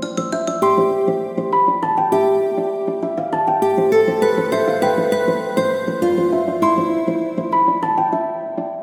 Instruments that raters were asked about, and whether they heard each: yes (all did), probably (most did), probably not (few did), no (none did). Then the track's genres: mandolin: probably not
ukulele: no
Ambient